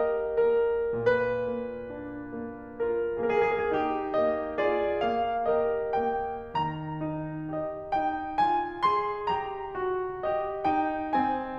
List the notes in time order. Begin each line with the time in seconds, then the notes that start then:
0.01 G4 A#4 D#5
0.51 A#3 A#4
1.03 A#2 B4
1.52 A#3
1.96 D4
2.40 A#3
2.84 F4 A#4
3.24 A#3 G#4
3.30 A#4
3.43 G#4
3.57 A#4
3.67 D#4 G4
4.19 A#3 D#5
4.71 F4 G#4 D5
5.10 A#3 F5
5.56 G4 A#4 D#5
6.00 A#3 G5
6.54 D#3 A#5
7.04 D#4
7.54 G4 D#5
7.95 D#4 G5
8.39 F4 G#5
8.86 G#4 C6
9.28 G4 A#5
9.75 F#4
10.25 G4 D#5
10.66 D#4 G5
11.15 C4 G#5